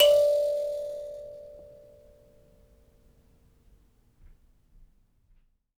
<region> pitch_keycenter=74 lokey=74 hikey=74 tune=2 volume=-3.305207 ampeg_attack=0.004000 ampeg_release=15.000000 sample=Idiophones/Plucked Idiophones/Mbira Mavembe (Gandanga), Zimbabwe, Low G/Mbira5_Normal_MainSpirit_D4_k20_vl2_rr1.wav